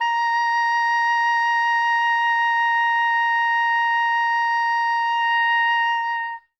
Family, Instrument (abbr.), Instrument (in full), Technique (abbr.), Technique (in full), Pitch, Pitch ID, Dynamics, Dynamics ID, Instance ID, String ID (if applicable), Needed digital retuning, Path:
Winds, Ob, Oboe, ord, ordinario, A#5, 82, ff, 4, 0, , FALSE, Winds/Oboe/ordinario/Ob-ord-A#5-ff-N-N.wav